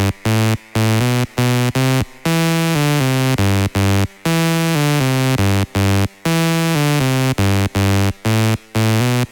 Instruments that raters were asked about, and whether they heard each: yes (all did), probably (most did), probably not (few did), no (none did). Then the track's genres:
synthesizer: yes
cello: no
saxophone: no
organ: no
Electronic; Hip-Hop; Dance